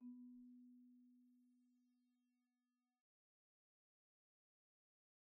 <region> pitch_keycenter=59 lokey=58 hikey=62 volume=39.271583 offset=151 xfout_lovel=0 xfout_hivel=83 ampeg_attack=0.004000 ampeg_release=15.000000 sample=Idiophones/Struck Idiophones/Marimba/Marimba_hit_Outrigger_B2_soft_01.wav